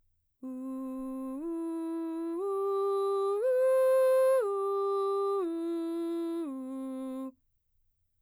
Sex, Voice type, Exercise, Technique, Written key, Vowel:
female, mezzo-soprano, arpeggios, straight tone, , u